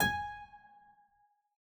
<region> pitch_keycenter=80 lokey=80 hikey=81 volume=-0.220671 trigger=attack ampeg_attack=0.004000 ampeg_release=0.350000 amp_veltrack=0 sample=Chordophones/Zithers/Harpsichord, English/Sustains/Lute/ZuckermannKitHarpsi_Lute_Sus_G#4_rr1.wav